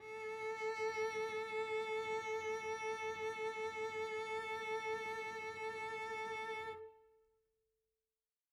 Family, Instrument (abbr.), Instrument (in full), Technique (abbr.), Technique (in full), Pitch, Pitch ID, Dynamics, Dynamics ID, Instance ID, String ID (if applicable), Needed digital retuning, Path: Strings, Vc, Cello, ord, ordinario, A4, 69, mf, 2, 1, 2, FALSE, Strings/Violoncello/ordinario/Vc-ord-A4-mf-2c-N.wav